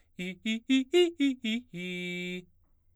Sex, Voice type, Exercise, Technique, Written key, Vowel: male, baritone, arpeggios, fast/articulated forte, F major, i